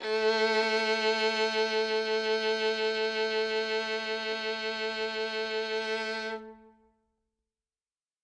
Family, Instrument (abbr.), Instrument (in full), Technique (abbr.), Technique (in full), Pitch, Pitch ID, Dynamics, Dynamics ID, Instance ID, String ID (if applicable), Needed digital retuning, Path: Strings, Vn, Violin, ord, ordinario, A3, 57, ff, 4, 3, 4, FALSE, Strings/Violin/ordinario/Vn-ord-A3-ff-4c-N.wav